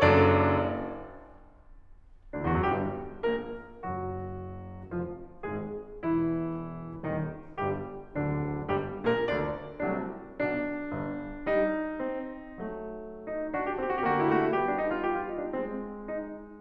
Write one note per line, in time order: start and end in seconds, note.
0.00 0.56 F#1
0.00 0.56 F#2
0.00 0.56 D4
0.00 0.56 A4
0.00 0.56 D5
2.36 2.44 D2
2.36 2.44 D4
2.44 2.57 E2
2.44 2.57 E4
2.57 2.67 F#2
2.57 2.67 F#4
2.67 3.25 G1
2.67 3.25 G2
2.67 3.25 G3
2.67 3.25 G4
3.25 3.82 A#1
3.25 3.82 A#2
3.25 3.82 A#3
3.25 3.82 A#4
3.83 4.93 F#1
3.83 4.93 F#2
3.83 4.93 F#3
3.83 4.93 F#4
4.93 5.46 F1
4.93 5.46 F2
4.93 5.46 F3
4.93 5.46 F4
5.47 6.06 G#1
5.47 6.06 G#2
5.47 6.06 G#3
5.47 6.06 G#4
6.06 7.08 E1
6.06 7.08 E2
6.06 7.08 E3
6.06 7.08 E4
7.09 7.58 D#1
7.09 7.58 D#2
7.09 7.58 D#3
7.09 7.58 D#4
7.58 8.19 G1
7.58 8.19 G2
7.58 8.19 G3
7.58 8.19 G4
8.20 8.74 D1
8.20 8.74 D2
8.20 8.74 D3
8.20 8.74 D4
8.75 9.07 G1
8.75 9.07 G2
8.75 9.07 G3
8.75 9.07 G4
9.10 9.26 A#1
9.10 9.26 A#2
9.10 9.26 A#3
9.10 9.26 A#4
9.26 9.78 D2
9.26 9.78 D3
9.26 9.78 D4
9.26 9.78 D5
9.80 10.38 C2
9.80 10.38 C3
9.80 10.38 F#3
9.80 10.38 A3
9.80 10.38 D4
10.39 10.91 B1
10.39 10.91 B2
10.39 11.44 D4
10.91 11.44 G1
10.91 11.44 G2
11.45 11.98 G3
11.45 12.56 D#4
11.99 12.56 C4
12.56 13.27 F#3
12.56 13.51 A3
13.26 13.49 D#4
13.51 13.75 D4
13.51 13.63 F#4
13.57 13.70 G4
13.63 13.75 F#4
13.70 13.80 G4
13.76 13.99 C4
13.76 13.87 F#4
13.82 13.93 G4
13.87 13.99 F#4
13.93 14.05 G4
13.99 14.50 D3
13.99 14.21 A3
13.99 14.09 F#4
14.05 14.14 G4
14.11 14.21 F#4
14.15 14.28 G4
14.21 14.50 A3
14.21 14.34 F#4
14.28 14.42 G4
14.34 14.50 E4
14.42 14.56 F#4
14.51 15.50 G3
14.51 15.01 B3
14.51 14.64 G4
14.64 14.78 D4
14.78 14.88 D#4
14.90 15.01 F4
15.01 15.12 G4
15.12 15.23 F4
15.24 15.38 D#4
15.38 15.50 D4
15.50 16.61 G#3
15.50 16.11 C4
16.14 16.61 D#4